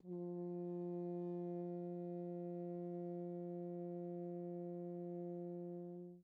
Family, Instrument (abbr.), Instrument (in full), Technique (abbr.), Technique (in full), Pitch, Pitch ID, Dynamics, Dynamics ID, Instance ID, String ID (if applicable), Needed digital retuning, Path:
Brass, Hn, French Horn, ord, ordinario, F3, 53, pp, 0, 0, , FALSE, Brass/Horn/ordinario/Hn-ord-F3-pp-N-N.wav